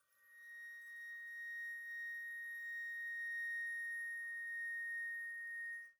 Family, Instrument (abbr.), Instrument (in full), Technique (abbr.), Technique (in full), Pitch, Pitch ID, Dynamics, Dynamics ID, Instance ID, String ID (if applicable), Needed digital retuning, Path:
Winds, Fl, Flute, ord, ordinario, A#6, 94, pp, 0, 0, , FALSE, Winds/Flute/ordinario/Fl-ord-A#6-pp-N-N.wav